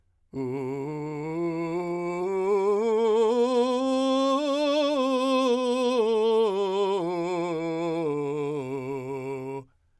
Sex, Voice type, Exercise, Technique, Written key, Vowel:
male, , scales, belt, , u